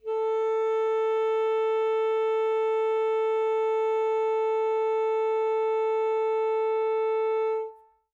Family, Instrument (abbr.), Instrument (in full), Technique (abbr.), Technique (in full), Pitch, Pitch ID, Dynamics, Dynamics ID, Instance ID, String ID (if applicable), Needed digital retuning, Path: Winds, ASax, Alto Saxophone, ord, ordinario, A4, 69, mf, 2, 0, , FALSE, Winds/Sax_Alto/ordinario/ASax-ord-A4-mf-N-N.wav